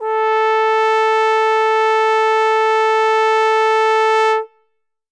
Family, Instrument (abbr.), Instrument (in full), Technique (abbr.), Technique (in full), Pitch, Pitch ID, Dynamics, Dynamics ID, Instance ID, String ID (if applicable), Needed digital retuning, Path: Brass, Tbn, Trombone, ord, ordinario, A4, 69, ff, 4, 0, , FALSE, Brass/Trombone/ordinario/Tbn-ord-A4-ff-N-N.wav